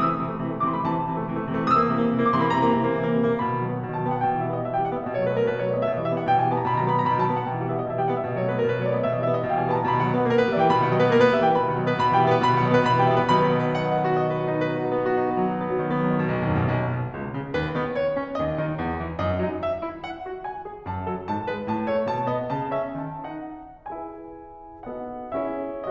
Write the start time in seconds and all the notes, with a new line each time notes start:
0.00 A3 E6
0.15 C3 E3
0.28 A3
0.41 C3 E3
0.53 A3 D6
0.64 C3 E3 C6
0.75 A3 B5
0.88 C3 E3 A5
0.98 A3
1.07 C3 E3
1.16 A3
1.29 C3 E3
1.38 A3
1.49 C3 E3
1.58 A3
1.70 C3 E3 D#6
1.82 A#3 E6
1.92 C3 E3
2.01 A#3
2.10 C3 E3
2.19 A#3 D6
2.32 C3 E3 C6
2.43 A#3 B5
2.52 C3 E3 A#5
2.61 A#3
2.77 C3 E3
2.88 A#3
2.98 C3 E3
3.09 A#3
3.20 C3 E3
3.30 A#3
3.44 B2 B5
3.53 D#3
3.67 F#3
3.76 B3
3.87 B2
3.98 D#3 A5
4.06 F#3 G5
4.12 B3 F#5
4.21 B2 G5
4.31 D#3 F#5
4.42 G3 E5
4.54 B3 D#5
4.63 B2 E5
4.74 D#3 G5
4.86 G3 F#5
4.96 B3 E5
5.05 B2 D#5
5.17 F#3 C#5
5.26 A3 B4
5.38 B3 A#4
5.48 B2 B4
5.56 F#3 C#5
5.64 A3 D5
5.72 B3 D#5
5.86 B2 E5
5.94 E3 D#5
6.04 G3 E5
6.15 B3 F#5
6.28 B2 G5
6.41 E3 G#5
6.50 G3 A5
6.59 B3 A#5
6.71 B2 B5
6.79 D#3 A#5
6.87 F#3 B5
6.98 B3 A#5
7.08 B2 B5
7.21 D#3 A5
7.31 F#3 G5
7.42 B3 F#5
7.53 B2 G5
7.62 D#3 F#5
7.70 G3 E5
7.85 B3 D#5
7.93 B2 E5
8.01 D#3 G5
8.12 G3 F#5
8.22 B3 E5
8.29 B2 D#5
8.38 F#3 C#5
8.49 A3 B4
8.58 B3 A#4
8.68 B2 B4
8.77 F#3 C#5
8.85 A3 D5
8.94 B3 D#5
9.03 B2 E5
9.15 E3 D#5
9.26 G3 E5
9.38 B3 F#5
9.47 B2 G5
9.54 E3 G#5
9.64 G3 A5
9.74 B3 A#5
9.85 B2 B5
9.94 D#3 F#5
10.07 F#3 D#5
10.17 B3 B4
10.27 A#3 A#4
10.40 B3 B4
10.50 G3 E5
10.58 E3 G5
10.70 B2 B5
10.80 D#3 F#5
10.88 F#3 D#5
11.01 B3 B4
11.11 A#3 A#4
11.20 B3 B4
11.34 G3 E5
11.46 E3 G5
11.60 B2 B5
11.71 D#3 F#5
11.80 F#3 D#5
11.90 B3 B4
12.02 B2 B5
12.13 E3 G5
12.23 G3 E5
12.32 B3 B4
12.42 B2 B5
12.50 D#3 F#5
12.61 F#3 D#5
12.71 B3 B4
12.81 B2 B5
12.96 E3 G5
13.06 G3 E5
13.15 B3 B4
13.27 B2 D#3 F#3 B3 B5
13.39 F#5
13.54 D#5
13.63 B4
13.73 F#5
13.89 D#5
13.98 B4
14.09 F#4
14.21 D#5
14.33 B4
14.44 F#4
14.56 D#4
14.66 B4
14.77 F#4
14.87 D#4
14.99 B3
15.09 F#4
15.19 D#4
15.33 B3
15.42 F#3
15.50 D#4
15.60 B3
15.72 F#3
15.81 D#3
15.89 B3
15.98 F#3
16.08 D#3
16.17 B2
16.29 B1
16.40 D#2
16.53 F#2
16.61 B2
16.75 B1
16.95 B2
17.15 C#2
17.35 C#3
17.57 D#2 B4
17.75 D#3 B3
17.97 C#5
18.16 C#4
18.36 D#2 D#5
18.54 D#3 D#4
18.75 E2
18.96 E3
19.16 F#2 D#5
19.38 F#3 D#4
19.60 E5
19.85 E4
20.05 F#5
20.24 F#4
20.42 G#5
20.65 G#4
20.87 F#2 A5
21.08 F#3 A4
21.27 G#2 A5
21.49 G#3 B4
21.69 A2 A5
21.86 A3 C#5
22.04 B2 A5
22.27 B3 D#5
22.51 C#3 A5
22.73 C#4 E5
22.98 D#3 A5
23.42 D#4 F#5
23.90 E4 G#4 B4 E5 G#5
24.89 B3 D#4 F#4 A4 D#5 F#5
25.36 C#4 E4 G#4 C#5 E5